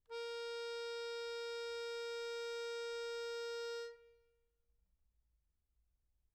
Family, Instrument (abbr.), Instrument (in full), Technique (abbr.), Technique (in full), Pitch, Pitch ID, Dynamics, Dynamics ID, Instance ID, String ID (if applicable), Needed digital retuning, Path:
Keyboards, Acc, Accordion, ord, ordinario, A#4, 70, mf, 2, 2, , FALSE, Keyboards/Accordion/ordinario/Acc-ord-A#4-mf-alt2-N.wav